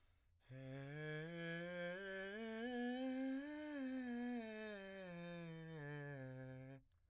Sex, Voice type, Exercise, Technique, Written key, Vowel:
male, , scales, breathy, , e